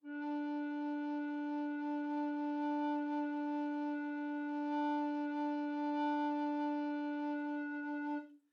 <region> pitch_keycenter=62 lokey=62 hikey=63 tune=-2 volume=8.055846 offset=1329 ampeg_attack=0.004000 ampeg_release=0.300000 sample=Aerophones/Edge-blown Aerophones/Baroque Tenor Recorder/Sustain/TenRecorder_Sus_D3_rr1_Main.wav